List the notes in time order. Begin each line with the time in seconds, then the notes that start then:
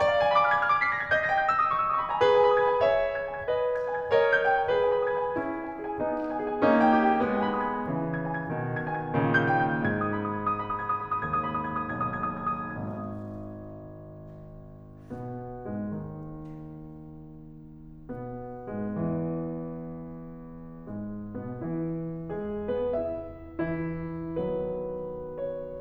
0.00 D5
0.08 F5
0.21 G#5
0.31 B5
0.41 D6
0.48 F6
0.56 G#6
0.64 F6
0.72 D6
0.88 B6
0.96 A#6
1.04 G#6
1.13 D#5 G6
1.29 G5 A#6
1.39 G#6
1.51 G6
1.59 E6
1.66 D#6
1.74 C#6
1.82 E6
1.87 D#6
1.93 C#6
2.00 B5
2.10 A#5
2.19 G#4 B4
2.30 G#5
2.39 B5
2.47 D#6
2.57 G#6
2.68 G#5
2.80 C#5 E5
3.13 G#6
3.27 G#5
3.36 G#6
3.45 B4 D#5
3.82 G#6
3.92 G#5
4.03 G#6
4.12 A#4 C#5 D#5
4.38 G6
4.48 G5
4.63 G6
4.71 G#4 B4
4.85 G#4
4.93 B4
5.03 D#5
5.14 G#5
5.24 G#4
5.35 C#4 E4
5.67 G#5
5.80 G#4
5.90 G#5
5.98 B3 D#4
6.29 G#5
6.40 G#4
6.49 G#5
6.57 A#3 C#4 D#4
6.87 G5
6.98 G4
7.06 G5
7.21 G#3 B3
7.35 G#5
7.48 B5
7.58 D#6
7.67 G#6
7.78 G#5
7.86 C#3 E3
8.16 G#6
8.24 G#5
8.37 G#6
8.48 B2 D#3
8.77 G#6
8.88 G#5
9.04 G#6
9.13 A#2 C#3 D#3
9.42 G6
9.56 G5
9.67 G6
9.79 G#2 G#6
10.03 D#6
10.11 B5
10.23 D#6
10.36 G#6
10.44 D#6
10.58 B5
10.69 D#6
10.82 G#6
10.92 D#6
11.06 B5
11.16 D#6
11.27 D#2 G#6
11.38 D#6
11.48 B5
11.58 D#6
11.77 G#6
11.84 D#6
11.96 B1 G#6
12.05 D#6
12.14 G#6
12.31 D#6
12.43 G#6
12.63 D#6
12.88 G#1 G#6
15.21 B2 B3
15.74 G#2 G#3
15.86 D#2 D#3
18.09 B2 B3
18.74 G#2 G#3
18.87 E2 E3
20.87 G#2 G#3
21.51 B2 B3
21.62 E3 E4
22.28 G#3 G#4
22.83 B3 B4
22.94 E4 E5
23.61 E3 E4
24.33 D#3 F#3 B3 B4
25.39 C#5